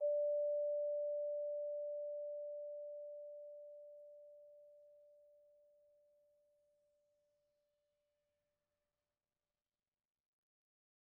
<region> pitch_keycenter=74 lokey=73 hikey=75 volume=20.815002 offset=100 lovel=0 hivel=83 ampeg_attack=0.004000 ampeg_release=15.000000 sample=Idiophones/Struck Idiophones/Vibraphone/Soft Mallets/Vibes_soft_D4_v1_rr1_Main.wav